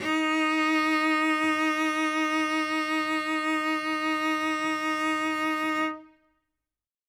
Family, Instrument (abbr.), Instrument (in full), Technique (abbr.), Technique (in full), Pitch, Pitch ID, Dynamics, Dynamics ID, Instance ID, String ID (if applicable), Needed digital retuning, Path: Strings, Vc, Cello, ord, ordinario, D#4, 63, ff, 4, 0, 1, TRUE, Strings/Violoncello/ordinario/Vc-ord-D#4-ff-1c-T22u.wav